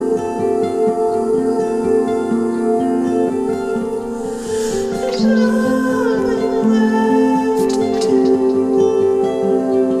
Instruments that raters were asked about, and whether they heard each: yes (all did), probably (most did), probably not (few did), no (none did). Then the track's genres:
ukulele: no
Indie-Rock